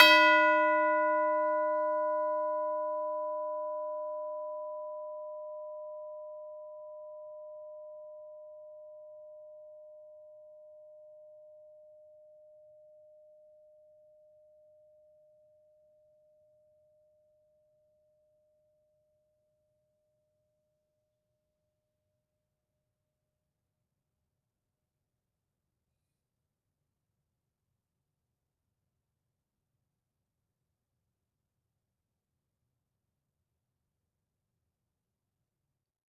<region> pitch_keycenter=71 lokey=71 hikey=71 volume=7.303920 lovel=84 hivel=127 ampeg_attack=0.004000 ampeg_release=30.000000 sample=Idiophones/Struck Idiophones/Tubular Bells 2/TB_hit_B4_v4_1.wav